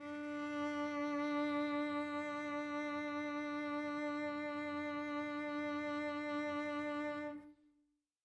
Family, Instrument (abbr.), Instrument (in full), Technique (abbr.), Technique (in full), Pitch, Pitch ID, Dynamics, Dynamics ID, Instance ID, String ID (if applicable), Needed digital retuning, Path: Strings, Vc, Cello, ord, ordinario, D4, 62, mf, 2, 2, 3, FALSE, Strings/Violoncello/ordinario/Vc-ord-D4-mf-3c-N.wav